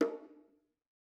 <region> pitch_keycenter=60 lokey=60 hikey=60 volume=10.391412 offset=229 lovel=100 hivel=127 seq_position=2 seq_length=2 ampeg_attack=0.004000 ampeg_release=15.000000 sample=Membranophones/Struck Membranophones/Bongos/BongoH_Hit1_v3_rr2_Mid.wav